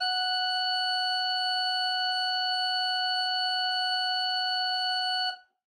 <region> pitch_keycenter=78 lokey=78 hikey=79 volume=8.466648 ampeg_attack=0.004000 ampeg_release=0.300000 amp_veltrack=0 sample=Aerophones/Edge-blown Aerophones/Renaissance Organ/Full/RenOrgan_Full_Room_F#4_rr1.wav